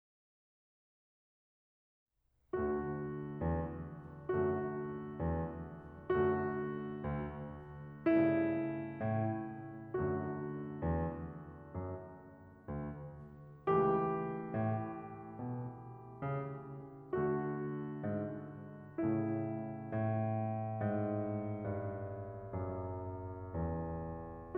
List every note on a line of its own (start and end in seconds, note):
2.53 2.91 D2
2.53 4.29 D3
2.53 4.29 A3
2.53 4.29 F#4
3.38 3.90 E2
4.31 4.76 F#2
4.31 6.11 D3
4.31 6.11 A3
4.31 6.11 F#4
5.24 5.65 E2
6.12 6.59 F#2
6.12 8.06 D3
6.12 8.06 A3
6.12 8.06 F#4
7.03 7.59 D2
8.08 8.47 G2
8.08 9.95 C#3
8.08 9.95 A3
8.08 9.95 E4
9.06 9.47 A2
9.96 10.41 F#2
9.96 13.70 D3
9.96 13.70 A3
9.96 13.70 F#4
10.90 11.28 E2
11.75 12.31 F#2
12.67 13.37 D2
13.72 14.06 C#2
13.72 17.12 E3
13.72 17.12 A3
13.72 17.12 G4
14.56 15.10 A2
15.43 15.79 B2
16.22 16.78 C#3
17.14 19.00 D3
17.14 19.00 A3
17.14 19.00 F#4
18.06 18.63 G#2
19.03 19.92 A2
19.03 19.92 C#3
19.03 19.92 A3
19.03 19.92 E4
19.96 24.57 A2
20.80 21.62 G#2
21.63 22.53 G2
22.62 23.54 F#2
23.57 24.57 E2